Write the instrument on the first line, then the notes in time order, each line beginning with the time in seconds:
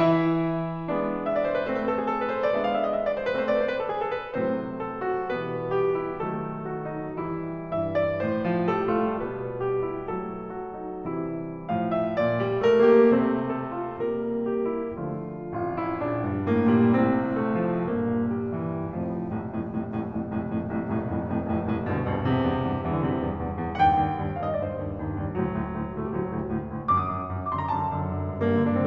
piano
0.00 E3 E4 E5
0.88 G#3 B3 D4
1.25 E5
1.35 D5
1.43 C5
1.59 B4
1.68 A3 C4 C5
1.80 B4
1.92 A4
2.00 G#4
2.11 A4
2.21 B4
2.30 C5
2.40 D5
2.54 G#3 B3 D4 E5
2.64 F5
2.75 E5
2.83 D#5
2.90 E5
3.01 D5
3.10 C5
3.22 B4
3.36 A3 C4 C5
3.47 D5
3.59 C5
3.69 B4
3.81 A4
3.90 G#4
4.03 A4
4.19 B4
4.32 A2 C3 F#3 A3 C4 C5
4.76 A4
5.05 F#4
5.31 B2 E3 G3 B3 B4
5.77 G4
6.00 E4
6.25 B2 D#3 F#3 A3 A4
6.68 F#4
6.92 D#4
7.17 E3 G3 E4
7.71 G2 E3 E5
7.92 D5
8.19 A2 C5
8.41 F3
8.66 G3 A4
8.87 A3 F4
9.16 B2 G3 B3 B4
9.59 G4
9.81 E4
10.09 F#3 A3 A4
10.57 F#4
10.77 D#4
10.95 C3 E3 G3 E4
11.18 E2 F2 C3 A4 C5
11.26 D3 E3 F4
11.33 G2 E3 G3 G4
11.39 E4
11.51 C4
11.61 D3 F3 F4
11.76 C3 E3 C4
11.87 A2 F3 F5
12.03 E5
12.20 A#2 D5
12.38 G3
12.63 A3 A#4
12.86 A#3 G4
13.10 C3 A3 C4 C5
13.56 A4
13.72 F4
13.98 G3 A#3 A#4
14.38 G4
14.69 E4
14.98 D3 F3 A3 F4
15.50 A1 F2 F4
15.74 E4
16.03 A#1 D4
16.27 G2
16.50 A2 A#3
16.75 A#2 G3
16.99 C2 A2 C3 C4
17.40 A3
17.61 F3
17.82 G2 A#2 A#3
18.34 G3
18.59 E3
18.85 F1 F2 A2 F3
19.11 F1 C2 F2 A2
19.32 F1 C2 F2 A2
19.53 F1 C2 F2 A2
19.75 F1 C2 F2 A2
19.96 F1 C2 F2 A2
20.18 F1 C2 F2 A2
20.45 F1 C2 F2 A2
20.62 F1 C2 F2 A2
20.82 F1 C2 F2 A2
21.00 F1 C2 F2 A2
21.20 F1 C2 F2 A2
21.40 F1 C2 F2 A2
21.56 F1 C2 F2 A2
21.77 F1 D2 G2 B2
21.95 F1 D2 G2 B2
22.15 E2 G2 C3
22.37 E2 G2
22.60 E2 G2
22.80 E2 G2 E3
22.89 D3
22.98 E2 G2 C3
23.16 E2 G2
23.35 E2 G2
23.56 E2 G2
23.77 D#2 G2 F#5
23.88 G5
24.01 D#2 G2
24.20 D#2 G2
24.28 F5
24.38 D#2 G2 D#5
24.49 D5
24.59 D#2 G2 C5
24.78 D#2 G2
25.00 D#2 G2
25.18 D#2 G2
25.40 D2 A2 F#3
25.65 D2 A2
25.84 D2 A2
26.04 D2 A2 A3
26.12 G3
26.23 D2 A2 F#3
26.40 D2 A2
26.51 D2 A2
26.67 D2 A2
26.85 F#2 D3 D6
26.90 D#6
27.07 F#2 D3
27.30 F#2 D3
27.39 D6
27.48 F#2 D3 C6
27.60 A#5
27.69 F#2 D3 A5
27.90 F#2 D3
28.05 F#2 D3
28.22 F#2 D3
28.40 G2 A#3
28.50 D3
28.61 G2 D4
28.72 D3 C4